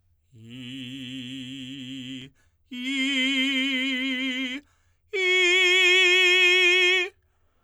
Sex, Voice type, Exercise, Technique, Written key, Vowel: male, tenor, long tones, full voice forte, , i